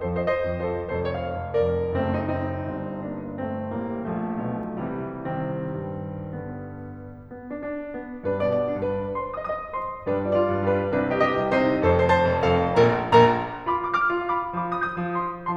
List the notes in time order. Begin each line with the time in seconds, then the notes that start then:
0.00 F2 F3 A4 C5
0.21 C5 D#5
0.29 C5 D#5
0.41 F2
0.57 F3 A4 C5
0.91 F1 F2 A4 C5
1.11 C#5 F5
1.18 D5 F5
1.37 F1
1.58 F2 A#4 D5
1.97 F#1 F#2 A3 C4
2.26 C4 D#4
2.33 C4 D#4
2.64 G1 G2
3.02 A#3 D4
3.37 A1 A2 A3 C4
3.75 A#1 A#2 G3 A#3
4.13 B1 B2 F3 A3
4.47 C2 C3
4.85 E3 G3
5.22 C2 D#3 G3 C4
5.55 G2
5.92 D3 B3
7.29 B3
7.49 D4
7.56 D4
7.95 B3
8.24 G2 G3 D4 B4
8.45 B2 D5
8.56 B2 D5
8.87 G2 B4
9.20 C5 C6
9.37 D#5 D#6
9.43 D#5 D#6
9.75 C5 C6
10.09 G2 G3 D4 B4
10.31 F4 D5
10.38 F4 D5
10.53 G2
10.72 G3 D4 B4
10.91 C2 C3 D4 B4
11.15 G4 D#5
11.23 G4 D#5
11.38 C2
11.55 C3 D#4 C5
11.83 F1 F2 A4 C5
12.00 C5 A5
12.09 C5 A5
12.28 F2
12.46 F3 A4 F5
12.77 A#1 A#2 A#4 A#5
13.13 A#1 A#2 A#4 A#5
13.73 F4 F5 B5 D6
13.87 D6 F6
13.96 D6 F6
14.13 F4
14.29 F5 B5 D6
14.56 F3 F4 B5 D6
14.81 D#6 G6
14.90 D#6 G6
15.06 F3
15.19 F4 C6 D#6